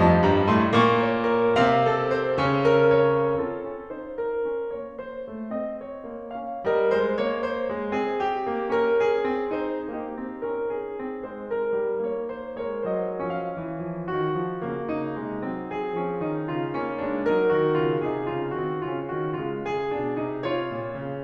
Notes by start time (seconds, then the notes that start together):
0.01 F2 F3 D#5 A5
0.25 G2 G3 A#5
0.49 A2 A3 C6
0.75 A#2 A#3 C#6
1.02 C#5
1.25 A#4
1.57 C3 C4 F5
1.83 A4
2.11 C5
2.39 C#3 C#4
2.77 A#4
3.13 C#5
3.41 C4 F4 A4
3.66 C#4
3.91 D#4 C5
4.16 A#4
4.42 C#4
4.72 A#3 C#5
4.99 C5
5.23 A3
5.56 C4 D#5
5.81 C#5
6.10 A#3
6.38 C#4 F5
6.67 G3 A#4 D#5
6.96 G#3 C5
7.19 A#3 C#5
7.45 C5
7.73 G#3
8.01 C4 G#4
8.24 G4
8.48 A#3
8.72 C#4 A#4
8.96 G#4
9.24 C4
9.54 D#4 C5
9.93 A#3 D#4 G4
10.20 C4
10.44 C#4 A#4
10.69 G#4
10.98 C4
11.24 G#3 C5
11.50 A#4
11.74 G3
12.05 A#3 C#5
12.31 C5
12.64 G#3 A#4 C#5
12.90 F#3 C5 D#5
13.30 F3 C#4 F5
13.57 E3
13.84 F3
14.10 D#3 F#4
14.36 F3
14.66 C#3 A#3
14.94 D#4
15.19 C3 G#3
15.46 F#3 C4
15.70 G#4
15.97 F3 C#4
16.19 D#3 D#4
16.42 C#3 F4
16.68 A#3 C#4
16.96 G#3 D4
17.24 G3 D#4 A#4
17.56 D#3 F#4
17.82 C#3 F4
18.05 C3 D#4 G#4
18.33 C#3 F4
18.58 D#3 C4 F#4
18.85 C#3 C#4 F4
19.16 D#3 F#4
19.43 C#3 G#3 F4
19.66 G#4
19.89 B2 D4
20.16 C3 D#4
20.42 F4 C#5
20.71 A#2
21.01 C#3